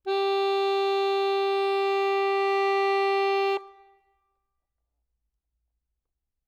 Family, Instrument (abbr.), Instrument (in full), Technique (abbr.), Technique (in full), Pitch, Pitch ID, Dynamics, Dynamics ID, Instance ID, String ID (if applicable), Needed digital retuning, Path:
Keyboards, Acc, Accordion, ord, ordinario, G4, 67, ff, 4, 1, , FALSE, Keyboards/Accordion/ordinario/Acc-ord-G4-ff-alt1-N.wav